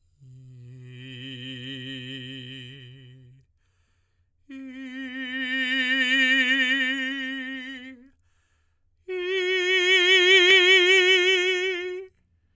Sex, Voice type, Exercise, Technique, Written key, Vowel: male, tenor, long tones, messa di voce, , i